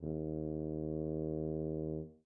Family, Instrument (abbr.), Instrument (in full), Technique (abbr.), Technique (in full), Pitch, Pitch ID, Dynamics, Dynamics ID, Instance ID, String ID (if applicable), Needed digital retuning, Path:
Brass, BTb, Bass Tuba, ord, ordinario, D#2, 39, mf, 2, 0, , TRUE, Brass/Bass_Tuba/ordinario/BTb-ord-D#2-mf-N-T34u.wav